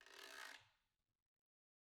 <region> pitch_keycenter=62 lokey=62 hikey=62 volume=15.000000 offset=216 ampeg_attack=0.004000 ampeg_release=30.000000 sample=Idiophones/Struck Idiophones/Guiro/Guiro_Med_rr1_Mid.wav